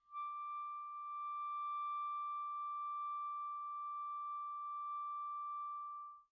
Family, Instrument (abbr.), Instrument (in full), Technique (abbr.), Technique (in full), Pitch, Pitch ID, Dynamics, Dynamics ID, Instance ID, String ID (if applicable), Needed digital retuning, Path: Winds, ClBb, Clarinet in Bb, ord, ordinario, D6, 86, pp, 0, 0, , FALSE, Winds/Clarinet_Bb/ordinario/ClBb-ord-D6-pp-N-N.wav